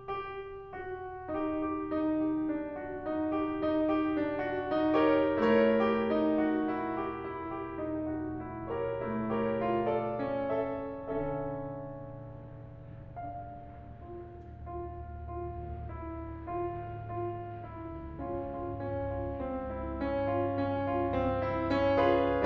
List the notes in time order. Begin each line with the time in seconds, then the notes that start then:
0.00 G4
0.74 F#4
1.36 D#4 G4
1.64 G4
1.86 D#4
2.23 G4
2.50 D4
2.76 F#4
3.05 D#4
3.38 G4
3.65 D#4
3.87 G4
4.16 D4
4.41 F#4
4.67 D#4
4.98 G4 A#4 C#5
5.29 A3 E4 A#4 C#5
5.71 G4
6.05 D#4
6.40 F#4
6.71 E4
7.08 G4
7.33 E4
7.58 G4
7.80 D#4
8.08 F#4
8.39 E4
8.70 G4 A#4 C#5
8.97 A3 E4
9.38 G4 A#4 C#5
9.64 F4
9.89 A4 D5
10.15 C#4
10.47 A4 E5
10.68 D3 C#4 A4 E5
13.13 D4 F5
13.97 F4
14.55 F4
15.24 F4
15.81 E4
16.45 F4
17.11 F4
17.66 E4
18.20 C#4 F4
18.58 F4
18.84 C#4
19.20 F4
19.44 C4
19.74 E4
19.97 C#4
20.26 F4
20.56 C#4
20.82 F4
21.14 C4
21.41 E4
21.70 C#4
22.05 F4 G#4 B4